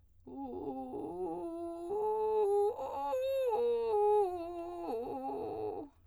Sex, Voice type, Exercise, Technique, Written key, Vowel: female, soprano, arpeggios, vocal fry, , u